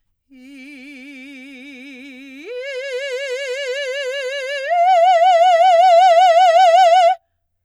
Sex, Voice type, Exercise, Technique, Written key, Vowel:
female, soprano, long tones, full voice forte, , i